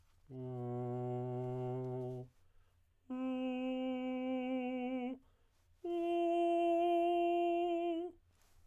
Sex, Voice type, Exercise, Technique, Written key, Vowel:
male, tenor, long tones, straight tone, , u